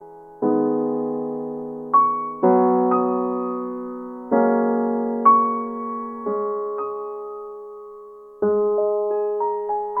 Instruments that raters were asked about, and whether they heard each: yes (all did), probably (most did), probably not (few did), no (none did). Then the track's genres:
piano: yes
mallet percussion: probably not
Classical